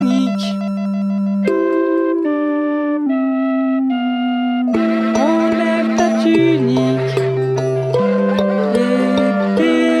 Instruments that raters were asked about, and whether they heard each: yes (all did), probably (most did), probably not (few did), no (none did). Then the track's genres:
clarinet: no
flute: yes
Noise; Singer-Songwriter; Chip Music